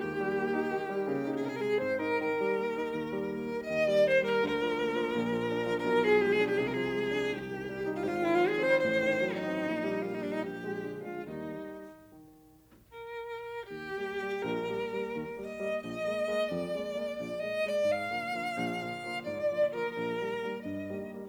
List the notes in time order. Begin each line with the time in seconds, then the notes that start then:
0.01 D#2 G4
0.18 G3
0.37 A#3
0.55 D#4
0.75 D#3
0.91 G3
1.09 C#3 A#3
1.26 D#4
1.43 C3 G#4
1.50 A#4
1.56 G#4
1.62 G#3 G4
1.71 G#4
1.82 G#2 C4 C5
1.99 D#4 A#4
2.20 D#3 A#4
2.40 G3
2.58 A#3
2.76 D#4
2.95 D#2
3.16 G3
3.36 A#3
3.55 D#4
3.72 D#2 D#3 D#5
3.90 G3 D5
4.08 A#3 C5
4.22 G3 A#4
4.42 D2 D3 A#4
4.59 F3
4.77 A#3
4.95 F3
5.11 A#1 A#2
5.30 F3
5.49 D4
5.65 F3
5.85 B1 B2 A#4
5.94 G#4
6.03 F3
6.21 G#3 G4
6.38 D4 G#4
6.57 C2 C3 G4
6.62 G#4
6.68 A#4
6.75 F3 G#4
6.93 G#3
7.11 D4
7.29 C2 G4
7.46 D#3
7.65 G3
7.83 C4
8.03 G#1 G#2 F4
8.09 G4
8.14 F4
8.20 D#3 E4
8.30 F4
8.39 F3 G#4
8.60 C4 C5
8.82 A1 A2 C5
9.02 D#3
9.24 F#3 D#4
9.43 C4
9.61 A#1 A#2
9.80 D#3 G3
9.99 A#3 F4
10.08 D#4
10.18 D#3 G3 D4
10.26 D#4
10.36 A#1 G4
10.57 G#3
10.78 D3
10.99 G#3 F4
11.15 D#2 D#3 G3 D#4
11.77 D#3
12.68 A#4
13.65 D#2 G4
13.89 G3 A#3
14.14 G3 A#3
14.38 A#1 A#4
14.61 G3 A#3
14.88 G3 A#3
15.10 D#2
15.34 G3 A#3
15.46 D#5
15.59 G3 A#3
15.83 A#1 D#5
16.07 G#3 A#3
16.33 G#3 A#3
16.52 F2 D5
16.75 G#3 A#3
16.97 G#3 A#3
17.14 A#1
17.37 G#3 A#3
17.50 D#5
17.63 G#3 A#3
17.79 D5
17.85 G#2 F5
18.09 D3 F3 A#3
18.34 D3 F3 A#3
18.55 A#1
18.80 D3 F3 A#3
19.05 D3 F3 A#3
19.29 G#2 D5
19.53 D3 F3 A#3
19.70 D3 F3 A#3
19.75 A#4
19.94 A#1 A#4
20.14 D#3 G3 A#3
20.31 D#3 G3 A#3
20.56 G2 D#5
20.79 D#3 G3 A#3
21.04 D#3 G3 A#3